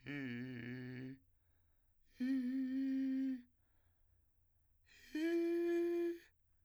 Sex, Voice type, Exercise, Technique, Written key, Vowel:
male, , long tones, inhaled singing, , i